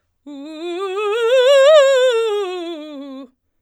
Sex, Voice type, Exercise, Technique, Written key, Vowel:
female, soprano, scales, fast/articulated forte, C major, u